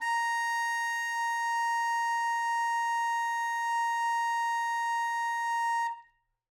<region> pitch_keycenter=82 lokey=82 hikey=83 volume=14.721455 lovel=84 hivel=127 ampeg_attack=0.004000 ampeg_release=0.500000 sample=Aerophones/Reed Aerophones/Tenor Saxophone/Non-Vibrato/Tenor_NV_Main_A#4_vl3_rr1.wav